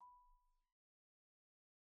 <region> pitch_keycenter=83 lokey=82 hikey=86 volume=39.827554 offset=58 xfout_lovel=0 xfout_hivel=83 ampeg_attack=0.004000 ampeg_release=15.000000 sample=Idiophones/Struck Idiophones/Marimba/Marimba_hit_Outrigger_B4_soft_01.wav